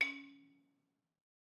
<region> pitch_keycenter=61 lokey=60 hikey=63 volume=12.248946 offset=197 lovel=66 hivel=99 ampeg_attack=0.004000 ampeg_release=30.000000 sample=Idiophones/Struck Idiophones/Balafon/Hard Mallet/EthnicXylo_hardM_C#3_vl2_rr1_Mid.wav